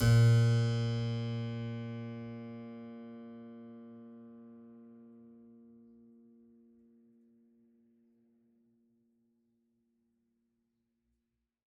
<region> pitch_keycenter=46 lokey=46 hikey=47 volume=0 trigger=attack ampeg_attack=0.004000 ampeg_release=0.400000 amp_veltrack=0 sample=Chordophones/Zithers/Harpsichord, French/Sustains/Harpsi2_Normal_A#1_rr1_Main.wav